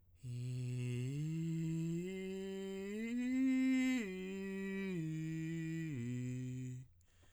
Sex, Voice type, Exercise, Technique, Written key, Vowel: male, tenor, arpeggios, breathy, , i